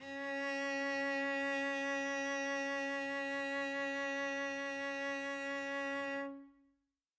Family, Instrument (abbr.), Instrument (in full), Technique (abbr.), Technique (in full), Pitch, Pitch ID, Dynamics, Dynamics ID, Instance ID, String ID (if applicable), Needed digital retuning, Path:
Strings, Vc, Cello, ord, ordinario, C#4, 61, mf, 2, 0, 1, FALSE, Strings/Violoncello/ordinario/Vc-ord-C#4-mf-1c-N.wav